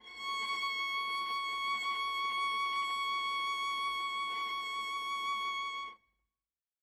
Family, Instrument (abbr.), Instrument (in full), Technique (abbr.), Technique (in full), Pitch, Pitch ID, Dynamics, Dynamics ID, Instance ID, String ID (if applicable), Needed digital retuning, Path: Strings, Va, Viola, ord, ordinario, C#6, 85, ff, 4, 1, 2, FALSE, Strings/Viola/ordinario/Va-ord-C#6-ff-2c-N.wav